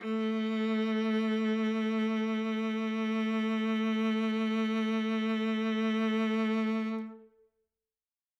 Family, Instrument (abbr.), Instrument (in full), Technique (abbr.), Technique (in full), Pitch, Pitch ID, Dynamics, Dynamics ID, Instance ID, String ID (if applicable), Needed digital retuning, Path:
Strings, Va, Viola, ord, ordinario, A3, 57, ff, 4, 2, 3, FALSE, Strings/Viola/ordinario/Va-ord-A3-ff-3c-N.wav